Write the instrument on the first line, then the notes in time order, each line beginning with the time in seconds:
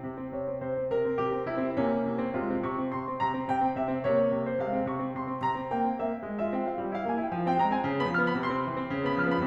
piano
0.01 C3
0.20 C4
0.34 C3 C#5
0.47 C4
0.61 C3 C5
0.75 C4
0.88 C3 A#4
1.02 C4
1.16 C3 G4
1.31 C4
1.46 C3 E4
1.58 C4
1.72 C3 A#3 C#4
2.04 C3
2.20 C4
2.35 C3 G#3 F4
2.53 C4
2.69 C3 C#6
2.80 C4
2.94 C3 C6
3.09 C4
3.22 C3 A#5
3.34 C4
3.47 C3 G5
3.65 C4
3.80 C3 E5
3.94 C4
4.07 C3 A#3 C#5
4.35 C3
4.49 C5
4.60 C3 G#3 F5
4.72 C4
4.84 C3 C#6
4.97 C4
5.15 C3 C6
5.30 C4
5.43 C3 A#5
5.54 C4
5.67 A#3 G5
5.80 C4
5.95 A#3 E5
6.09 C4
6.24 G#3
6.39 F4 E5
6.52 C4 G5
6.66 F4 F5
6.79 G3
6.95 E4 F5
7.08 A#3 G#5
7.18 E4 G5
7.31 F3
7.46 C4 G5
7.63 G#3 A#5
7.77 C4 G#5
7.92 C#3
8.06 B3 B5
8.18 F3 F6
8.31 B3 B5
8.45 C3 C6
8.59 C4
8.69 E3
8.76 C4
8.90 C#3
9.06 B3 B5
9.22 F3 F6
9.33 B3 B5